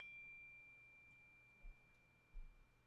<region> pitch_keycenter=86 lokey=86 hikey=87 volume=33.737979 lovel=0 hivel=65 ampeg_attack=0.004000 ampeg_decay=1.5 ampeg_sustain=0.0 ampeg_release=30.000000 sample=Idiophones/Struck Idiophones/Tubular Glockenspiel/D1_quiet1.wav